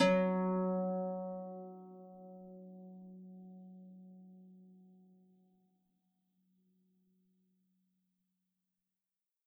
<region> pitch_keycenter=54 lokey=54 hikey=55 tune=-5 volume=4.941965 xfin_lovel=70 xfin_hivel=100 ampeg_attack=0.004000 ampeg_release=30.000000 sample=Chordophones/Composite Chordophones/Folk Harp/Harp_Normal_F#2_v3_RR1.wav